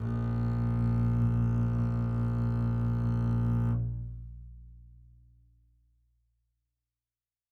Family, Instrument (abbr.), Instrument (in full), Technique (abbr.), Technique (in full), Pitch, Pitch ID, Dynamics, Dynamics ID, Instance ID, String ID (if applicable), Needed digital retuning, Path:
Strings, Cb, Contrabass, ord, ordinario, A#1, 34, mf, 2, 2, 3, FALSE, Strings/Contrabass/ordinario/Cb-ord-A#1-mf-3c-N.wav